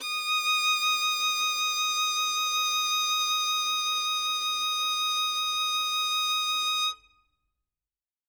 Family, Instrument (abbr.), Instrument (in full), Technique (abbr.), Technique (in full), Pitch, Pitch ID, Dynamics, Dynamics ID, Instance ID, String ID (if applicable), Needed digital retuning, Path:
Strings, Vn, Violin, ord, ordinario, D#6, 87, ff, 4, 0, 1, FALSE, Strings/Violin/ordinario/Vn-ord-D#6-ff-1c-N.wav